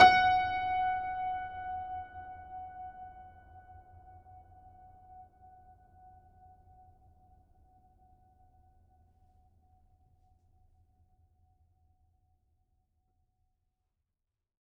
<region> pitch_keycenter=78 lokey=78 hikey=79 volume=2.095071 lovel=100 hivel=127 locc64=65 hicc64=127 ampeg_attack=0.004000 ampeg_release=0.400000 sample=Chordophones/Zithers/Grand Piano, Steinway B/Sus/Piano_Sus_Close_F#5_vl4_rr1.wav